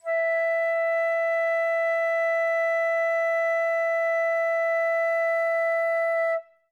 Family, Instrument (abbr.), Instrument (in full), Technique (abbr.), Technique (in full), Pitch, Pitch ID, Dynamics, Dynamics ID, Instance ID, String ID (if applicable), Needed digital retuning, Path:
Winds, Fl, Flute, ord, ordinario, E5, 76, ff, 4, 0, , FALSE, Winds/Flute/ordinario/Fl-ord-E5-ff-N-N.wav